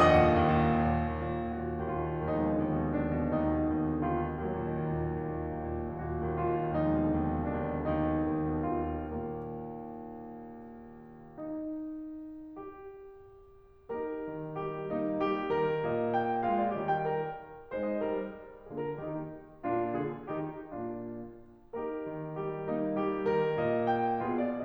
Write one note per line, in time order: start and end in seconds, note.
0.00 0.23 D#2
0.00 0.48 D#5
0.00 0.48 F#5
0.00 0.48 D#6
0.12 0.48 A#2
0.23 0.57 D#3
0.48 0.67 D#2
0.58 0.78 A#2
0.67 0.94 D#3
0.78 1.06 D#2
0.94 1.16 A#2
1.06 1.16 D#3
1.17 1.42 D#2
1.28 1.52 A#2
1.42 1.61 D#3
1.52 1.71 D#2
1.52 1.82 F#4
1.61 1.82 A#2
1.71 1.92 D#3
1.83 2.02 D#2
1.83 2.15 F4
1.94 2.15 A#2
2.02 2.15 D#3
2.15 2.35 D#2
2.15 4.38 F3
2.15 4.38 G#3
2.15 2.74 D#4
2.25 2.44 B2
2.35 2.57 D3
2.47 2.66 D#2
2.58 2.74 B2
2.66 2.83 D3
2.74 3.00 D#2
2.74 3.10 D4
2.83 3.10 B2
3.00 3.10 D3
3.17 3.53 D#2
3.17 3.99 D#4
3.29 3.63 B2
3.53 3.75 D3
3.63 3.88 D#2
3.75 3.99 B2
3.88 4.12 D3
4.01 4.26 D#2
4.01 4.38 F4
4.12 4.38 B2
4.26 4.38 D3
4.38 4.59 D#2
4.38 6.87 F#3
4.38 5.94 A#3
4.48 4.67 A#2
4.59 4.84 D#3
4.68 4.93 D#2
4.84 5.06 A#2
4.93 5.25 D#3
5.06 5.36 D#2
5.25 5.51 A#2
5.36 5.51 D#3
5.53 5.79 D#2
5.70 5.94 A#2
5.79 6.04 D#3
5.94 6.18 D#2
5.94 6.36 F#4
6.04 6.36 A#2
6.18 6.58 D#3
6.37 6.72 D#2
6.37 6.87 F4
6.58 6.87 A#2
6.72 6.87 D#3
6.87 7.12 D#2
6.87 9.17 F3
6.87 9.17 G#3
6.87 7.58 D#4
7.02 7.22 B2
7.12 7.35 D3
7.24 7.44 D#2
7.35 7.58 B2
7.47 7.69 D3
7.58 7.76 D#2
7.58 7.87 D4
7.69 7.87 B2
7.76 7.87 D3
7.87 8.13 D#2
7.87 8.66 D#4
8.02 8.24 B2
8.14 8.36 D3
8.25 8.54 D#2
8.37 8.66 B2
8.54 8.87 D3
8.66 9.02 D#2
8.66 9.17 F4
8.87 9.17 B2
9.02 9.17 D3
9.17 11.38 D#2
9.17 11.38 A#2
9.17 11.38 A#3
11.40 12.53 D#4
12.53 13.90 G4
13.90 14.93 A#3
13.90 14.93 D#4
13.90 14.57 G4
13.90 14.57 A#4
14.30 14.57 D#3
14.57 14.93 G3
14.57 14.93 G4
14.93 16.49 A#3
14.93 15.16 D#4
15.16 15.51 G3
15.16 16.49 G4
15.51 15.84 D#3
15.51 15.84 A#4
15.84 16.82 A#2
15.84 16.14 D#5
16.14 16.49 G5
16.49 16.82 G#3
16.49 16.82 F4
16.49 16.63 F5
16.63 16.82 D5
16.82 17.09 D#3
16.82 17.09 G3
16.82 17.09 G4
16.82 16.96 D#5
16.96 17.09 G5
17.10 17.44 A#4
17.76 18.01 G#3
17.76 18.30 D#4
17.76 17.89 C5
17.89 18.01 D#5
18.01 18.30 G3
18.01 18.30 A#4
18.69 18.97 D3
18.69 19.31 A#3
18.69 18.97 F4
18.69 18.84 G#4
18.84 18.97 A#4
18.97 19.31 D#3
18.97 19.31 D#4
18.97 19.31 G4
19.64 19.98 A#2
19.64 20.35 A#3
19.64 19.98 D4
19.64 19.98 F4
19.98 20.35 D3
19.98 20.35 F4
19.98 20.35 G#4
20.35 20.61 D#3
20.35 20.61 A#3
20.35 20.61 D#4
20.35 20.61 G4
20.61 20.87 A#2
20.61 20.87 A#3
20.61 20.87 D4
20.61 20.87 F4
21.73 22.67 A#3
21.73 22.67 D#4
21.73 22.41 G4
21.73 22.41 A#4
22.14 22.41 D#3
22.41 22.67 G3
22.41 22.67 G4
22.69 24.24 A#3
22.69 22.96 D#4
22.96 23.28 G3
22.96 24.24 G4
23.29 23.53 D#3
23.29 24.24 A#4
23.53 24.24 A#2
23.53 23.87 D#5
23.87 24.24 G5
24.25 24.65 B2
24.25 24.65 B3
24.25 24.65 F4
24.25 24.65 G#4
24.25 24.45 F5
24.45 24.65 D5